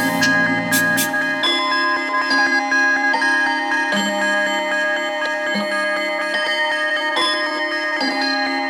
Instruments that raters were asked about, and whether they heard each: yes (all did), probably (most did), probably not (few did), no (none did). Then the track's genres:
mallet percussion: yes
Electronic; Hip-Hop Beats; Instrumental